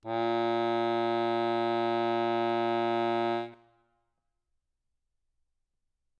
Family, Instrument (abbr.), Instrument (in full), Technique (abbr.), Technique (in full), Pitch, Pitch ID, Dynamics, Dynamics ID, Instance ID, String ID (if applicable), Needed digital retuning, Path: Keyboards, Acc, Accordion, ord, ordinario, A#2, 46, ff, 4, 0, , FALSE, Keyboards/Accordion/ordinario/Acc-ord-A#2-ff-N-N.wav